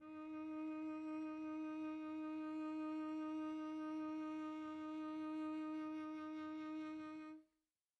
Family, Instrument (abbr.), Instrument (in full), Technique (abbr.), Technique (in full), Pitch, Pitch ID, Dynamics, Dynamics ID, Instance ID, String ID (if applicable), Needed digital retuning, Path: Strings, Vc, Cello, ord, ordinario, D#4, 63, pp, 0, 1, 2, FALSE, Strings/Violoncello/ordinario/Vc-ord-D#4-pp-2c-N.wav